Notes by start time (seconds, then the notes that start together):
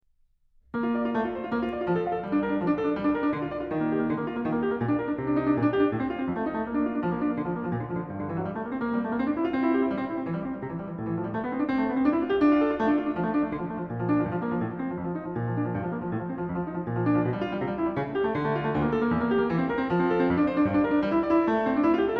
0.03 A#3
0.85 F4
0.95 D5
1.04 F4
1.14 A3
1.25 F4
1.35 C5
1.44 F4
1.53 A#3
1.64 F4
1.72 D5
1.79 F4
1.86 F3
1.97 A4
2.08 F5
2.16 A4
2.24 G3
2.33 D4
2.44 A#4
2.51 D4
2.60 F3
2.69 D4
2.81 A4
2.89 D4
2.98 G3
3.08 D4
3.13 A#4
3.23 D4
3.33 D3
3.42 F4
3.51 D5
3.60 F4
3.69 D#3
3.78 A#3
3.89 G4
3.99 A#3
4.09 D3
4.18 A#3
4.26 F4
4.36 A#3
4.45 D#3
4.54 A#3
4.62 G4
4.71 A#3
4.81 A#2
4.90 D4
5.00 A#4
5.10 D4
5.24 C3
5.32 D4
5.41 D#4
5.50 D4
5.56 A#2
5.66 D4
5.77 G4
5.86 D4
5.96 A2
6.05 C4
6.13 F4
6.22 C4
6.32 F2
6.38 A3
6.48 D#4
6.58 A3
6.67 A#3
6.74 D4
6.84 F4
6.92 D4
7.02 F3
7.12 A#3
7.16 D4
7.27 A#3
7.31 D3
7.42 F3
7.51 A#3
7.60 F3
7.69 A#2
7.77 D3
7.85 F3
7.94 D3
8.08 G2
8.18 D3
8.29 E3
8.37 F#3
8.46 G3
8.54 A3
8.64 A#3
8.72 C4
8.81 A#3
8.94 G3
9.03 A3
9.09 A#3
9.16 C4
9.26 D4
9.35 E4
9.45 F4
9.55 C4
9.65 E4
9.74 G4
9.82 E4
9.91 G3
9.97 C4
10.07 E4
10.15 C4
10.23 E3
10.33 G3
10.44 C4
10.56 G3
10.65 C3
10.74 E3
10.83 G3
10.91 E3
11.02 A2
11.09 E3
11.16 F3
11.25 G3
11.35 A3
11.45 B3
11.55 C4
11.61 D4
11.73 C4
11.82 A3
11.86 B3
11.99 C4
12.06 D4
12.14 E4
12.24 F4
12.32 G4
12.41 D4
12.53 F4
12.60 A4
12.64 F4
12.72 A3
12.83 D4
12.94 F4
13.04 D4
13.12 F3
13.21 A3
13.33 D4
13.44 A3
13.51 D3
13.59 F3
13.69 A3
13.78 F3
13.87 A#2
13.97 F3
14.07 D4
14.19 F3
14.26 G2
14.33 F3
14.42 A#3
14.49 F3
14.57 A2
14.64 F3
14.74 C4
14.83 F3
14.92 F2
15.05 F3
15.15 D#4
15.24 F3
15.35 A#2
15.43 F3
15.53 D4
15.63 F3
15.72 G2
15.80 F3
15.90 A#3
16.01 F3
16.11 A2
16.20 F3
16.29 C4
16.37 F3
16.51 F2
16.61 F3
16.67 D#4
16.76 F3
16.86 A#2
16.95 F3
17.05 D4
17.15 F3
17.23 B2
17.32 G3
17.45 F4
17.54 G3
17.62 C3
17.69 G3
17.77 E4
17.87 G3
17.98 C#3
18.08 A3
18.17 G4
18.26 A3
18.35 D3
18.47 A3
18.58 F4
18.66 A3
18.75 D2
18.84 A#3
18.92 A4
19.03 A#3
19.13 E2
19.21 A#3
19.32 G4
19.40 A#3
19.50 E3
19.59 C4
19.68 A#4
19.79 C4
19.90 F3
20.00 C4
20.10 A4
20.20 C4
20.29 F2
20.39 D4
20.48 C5
20.55 D4
20.64 G2
20.75 D4
20.84 A#4
20.94 D4
21.05 G3
21.15 E4
21.25 D5
21.36 E4
21.50 A3
21.61 C4
21.73 D4
21.86 E4
21.95 F4
22.05 G4
22.14 A4